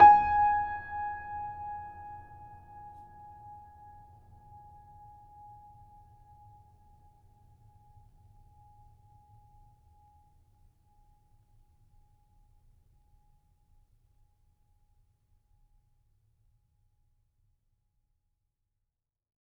<region> pitch_keycenter=80 lokey=80 hikey=81 volume=-1.980919 lovel=0 hivel=65 locc64=65 hicc64=127 ampeg_attack=0.004000 ampeg_release=0.400000 sample=Chordophones/Zithers/Grand Piano, Steinway B/Sus/Piano_Sus_Close_G#5_vl2_rr1.wav